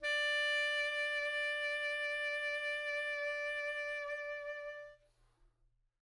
<region> pitch_keycenter=74 lokey=74 hikey=75 tune=-4 volume=20.299820 offset=284 ampeg_attack=0.004000 ampeg_release=0.500000 sample=Aerophones/Reed Aerophones/Tenor Saxophone/Vibrato/Tenor_Vib_Main_D4_var1.wav